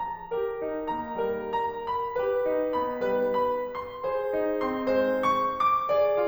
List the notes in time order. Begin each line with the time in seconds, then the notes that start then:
0.01 A#5
0.30 G4 A#4
0.60 D#4
0.93 A#3 A#5
1.20 G3 A#4
1.50 A#5
2.03 B5
2.26 G4 B4
2.50 D#4
2.82 B3 B5
3.11 G3 B4
3.43 B5
3.77 C6
4.07 G#4 C5
4.41 D#4
4.63 C4 C6
4.93 G#3 C5
5.22 C#6
5.45 D6
5.90 G#4 D5